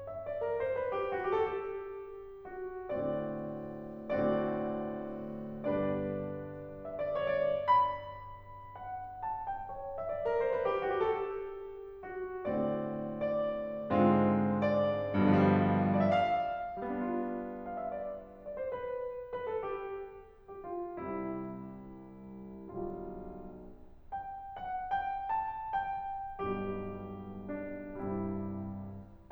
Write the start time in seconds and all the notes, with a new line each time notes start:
0.01 E5
0.23 D5
0.42 A#4
0.59 C5
0.74 B4
0.93 G4
1.12 F#4
1.25 G4
1.34 A4
1.45 G4
2.44 F#4
2.89 A2 D3 A3 C4 F#4 D5
4.29 A2 D3 A3 C4 F#4 D5
5.65 G2 D3 B3 D4 G4 B4 D5
6.91 E5
7.06 D5
7.29 C#5
7.51 D5
7.69 B5
8.78 F#5
9.26 A5
9.50 G5
9.75 C#5
9.97 E5
10.11 D5
10.25 A#4
10.35 C5
10.49 B4
10.70 G4
10.81 F#4
10.94 G4
11.08 A4
11.19 G4
12.16 F#4
12.50 A2 D3 A3 C4 F#4 D5
13.22 D5
13.91 G#2 D3 G#3 C4 F4
15.10 G2
15.34 B2
15.49 D3
15.60 F3
15.68 G3
15.91 D5
16.02 E5
16.09 F5
16.78 G3
16.84 B3
16.92 D4
17.21 F4
17.59 F5
17.69 E5
17.80 D5
18.45 D5
18.54 C5
18.66 B4
19.30 B4
19.51 A4
19.64 G4
20.54 G4
20.66 F4
21.02 C2 C3 G3 E4
22.71 B1 D3 G3 F4
24.08 G5
24.56 F#5
24.91 G5
25.25 A5
25.76 G5
26.46 B1 G2 B2 G3 G4
27.45 D4
28.07 C2 G2 C3 G3 E4